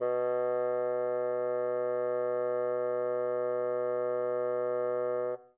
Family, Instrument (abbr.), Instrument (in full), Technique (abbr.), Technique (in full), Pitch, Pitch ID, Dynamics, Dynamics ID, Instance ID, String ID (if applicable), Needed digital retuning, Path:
Winds, Bn, Bassoon, ord, ordinario, B2, 47, mf, 2, 0, , FALSE, Winds/Bassoon/ordinario/Bn-ord-B2-mf-N-N.wav